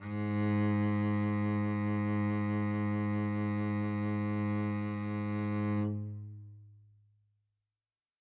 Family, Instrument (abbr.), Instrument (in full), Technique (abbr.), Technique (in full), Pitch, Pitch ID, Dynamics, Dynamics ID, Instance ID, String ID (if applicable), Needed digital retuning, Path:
Strings, Vc, Cello, ord, ordinario, G#2, 44, mf, 2, 2, 3, FALSE, Strings/Violoncello/ordinario/Vc-ord-G#2-mf-3c-N.wav